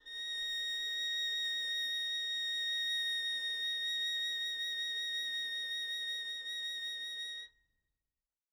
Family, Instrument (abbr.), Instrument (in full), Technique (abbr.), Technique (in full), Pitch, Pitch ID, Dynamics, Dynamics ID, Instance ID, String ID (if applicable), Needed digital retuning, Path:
Strings, Vn, Violin, ord, ordinario, A#6, 94, mf, 2, 0, 1, FALSE, Strings/Violin/ordinario/Vn-ord-A#6-mf-1c-N.wav